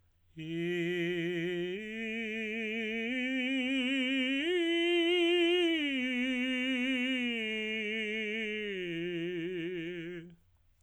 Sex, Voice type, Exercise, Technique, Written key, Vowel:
male, tenor, arpeggios, slow/legato piano, F major, i